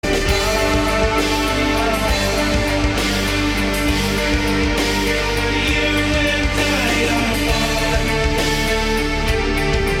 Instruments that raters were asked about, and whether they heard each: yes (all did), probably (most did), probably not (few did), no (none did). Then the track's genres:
trombone: no
trumpet: no
Rock; Ambient Electronic; Ambient